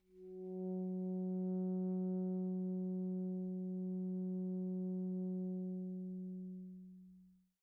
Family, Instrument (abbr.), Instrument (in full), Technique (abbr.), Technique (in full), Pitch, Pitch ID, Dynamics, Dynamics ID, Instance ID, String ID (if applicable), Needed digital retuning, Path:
Winds, ASax, Alto Saxophone, ord, ordinario, F#3, 54, pp, 0, 0, , FALSE, Winds/Sax_Alto/ordinario/ASax-ord-F#3-pp-N-N.wav